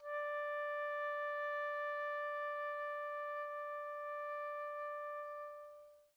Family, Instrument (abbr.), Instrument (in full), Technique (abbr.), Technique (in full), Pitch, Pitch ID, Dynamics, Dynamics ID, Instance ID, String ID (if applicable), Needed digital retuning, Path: Winds, Ob, Oboe, ord, ordinario, D5, 74, pp, 0, 0, , FALSE, Winds/Oboe/ordinario/Ob-ord-D5-pp-N-N.wav